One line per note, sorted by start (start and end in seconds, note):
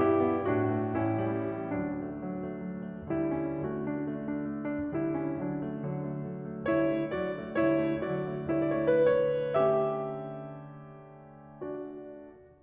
0.00 0.42 G2
0.00 0.23 E4
0.00 0.42 G4
0.23 0.42 B3
0.43 0.92 A2
0.43 0.70 D4
0.43 0.92 F#4
0.71 0.92 A3
0.93 1.72 A1
0.93 1.17 C#4
0.93 1.72 E4
1.18 1.72 G3
1.72 5.42 D2
1.72 1.97 F#3
1.72 3.07 D4
1.97 2.21 A3
2.24 2.43 F#3
2.44 2.67 A3
2.68 2.86 F#3
2.87 3.07 A3
3.07 3.61 D3
3.07 3.32 G3
3.07 3.61 E4
3.32 3.61 C#4
3.61 4.92 D3
3.61 3.80 A3
3.61 4.92 F#4
3.81 3.96 D4
3.97 4.20 A3
4.21 4.44 D4
4.46 4.67 A3
4.67 4.92 D4
4.92 5.42 D3
4.92 5.17 G3
4.92 5.42 E4
5.17 5.42 C#4
5.43 6.70 D3
5.43 5.65 F#3
5.43 6.70 D4
5.67 5.87 A3
5.89 6.07 F#3
6.08 6.27 A3
6.27 6.52 F#3
6.52 6.70 A3
6.71 7.57 D3
6.71 6.88 G3
6.71 7.12 E4
6.71 7.12 C#5
6.90 7.12 A3
7.15 7.37 F#3
7.15 7.57 D4
7.15 7.57 D5
7.38 7.57 A3
7.57 8.58 D3
7.57 7.78 G3
7.57 8.05 E4
7.57 8.05 C#5
7.78 8.05 A3
8.05 8.34 F#3
8.05 8.58 D4
8.05 8.58 D5
8.35 8.58 A3
8.59 9.54 D3
8.59 8.87 G3
8.59 9.54 E4
8.59 8.87 C#5
8.77 9.13 D5
8.88 9.54 A3
8.88 9.54 B4
9.14 9.65 C#5
9.56 12.06 D3
9.56 12.06 A3
9.56 11.61 C#4
9.56 11.61 G4
9.56 11.61 E5
11.62 12.06 D4
11.62 12.06 F#4
11.62 12.06 D5